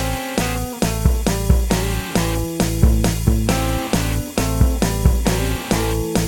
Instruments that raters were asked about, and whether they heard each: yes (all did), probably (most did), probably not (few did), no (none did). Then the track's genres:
cymbals: yes
Pop; Folk; Indie-Rock